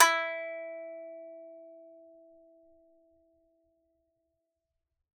<region> pitch_keycenter=64 lokey=64 hikey=65 volume=-3.970507 lovel=100 hivel=127 ampeg_attack=0.004000 ampeg_release=15.000000 sample=Chordophones/Composite Chordophones/Strumstick/Finger/Strumstick_Finger_Str3_Main_E3_vl3_rr1.wav